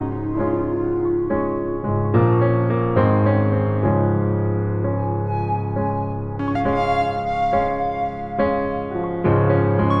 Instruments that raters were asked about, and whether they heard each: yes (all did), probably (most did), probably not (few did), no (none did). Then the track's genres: violin: probably not
piano: yes
Soundtrack; Ambient Electronic; Ambient; Minimalism